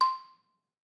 <region> pitch_keycenter=84 lokey=81 hikey=86 volume=2.975057 offset=189 lovel=100 hivel=127 ampeg_attack=0.004000 ampeg_release=30.000000 sample=Idiophones/Struck Idiophones/Balafon/Hard Mallet/EthnicXylo_hardM_C5_vl3_rr1_Mid.wav